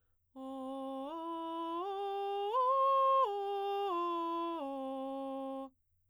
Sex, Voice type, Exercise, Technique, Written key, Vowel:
female, soprano, arpeggios, straight tone, , o